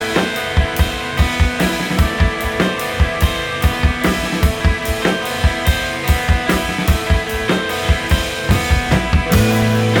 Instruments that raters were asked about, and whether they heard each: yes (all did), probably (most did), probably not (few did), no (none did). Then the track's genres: drums: yes
synthesizer: no
ukulele: no
Punk; Post-Punk; Hardcore